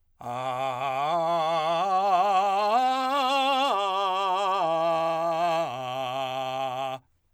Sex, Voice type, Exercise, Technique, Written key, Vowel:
male, , arpeggios, belt, , a